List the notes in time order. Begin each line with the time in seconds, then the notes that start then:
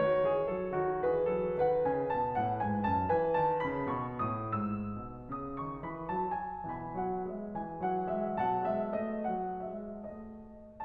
0.01 D#3 F#4 C#5
0.24 E3 G#4
0.42 F#3 A4
0.68 D#3 F#4
1.03 E3 G#4 B4
1.29 F#3 A4
1.57 D#3 B4 F#5
1.82 C#3 G#5
2.07 B2 A5
2.32 A2 F#5
2.62 G#2 G#5
2.89 F#2 A5
3.12 E3 B4 G#5
3.38 D#3 A5
3.64 C#3 B5
3.88 B2 C#6
4.24 A2 D#6
4.53 G#2 E6
4.99 B2
5.35 C#3 D#6
5.60 D#3 C#6
5.85 E3 B5
6.09 F#3 A5
6.33 G#3 G#5
6.68 B2 E3 G#5 B5
6.96 F#3 F#5
7.27 G#3 E5
7.56 E3 G#5
7.83 F#3 F#5
8.17 G#3 E5
8.41 B2 F#3 F#5 A5
8.64 G#3 E5
9.00 A3 D#5
9.29 F#3 F#5
9.68 G#3 E5
10.01 A3 D#5